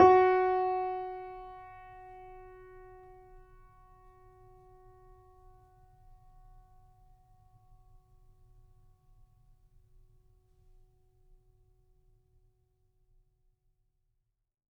<region> pitch_keycenter=66 lokey=66 hikey=67 volume=3.681726 lovel=66 hivel=99 locc64=0 hicc64=64 ampeg_attack=0.004000 ampeg_release=0.400000 sample=Chordophones/Zithers/Grand Piano, Steinway B/NoSus/Piano_NoSus_Close_F#4_vl3_rr1.wav